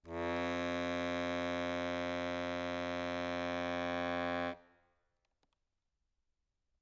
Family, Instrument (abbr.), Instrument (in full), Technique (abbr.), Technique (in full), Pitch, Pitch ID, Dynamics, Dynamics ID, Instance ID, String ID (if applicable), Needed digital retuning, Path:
Keyboards, Acc, Accordion, ord, ordinario, F2, 41, ff, 4, 0, , TRUE, Keyboards/Accordion/ordinario/Acc-ord-F2-ff-N-T14u.wav